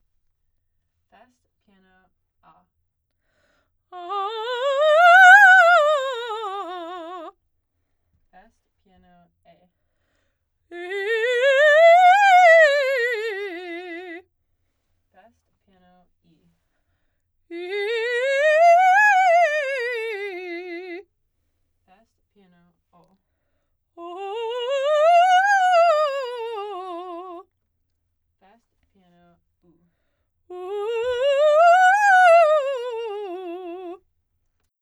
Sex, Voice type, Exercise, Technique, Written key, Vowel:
female, soprano, scales, fast/articulated piano, F major, 